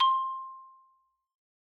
<region> pitch_keycenter=72 lokey=70 hikey=75 volume=1.570330 lovel=84 hivel=127 ampeg_attack=0.004000 ampeg_release=15.000000 sample=Idiophones/Struck Idiophones/Xylophone/Soft Mallets/Xylo_Soft_C5_ff_01_far.wav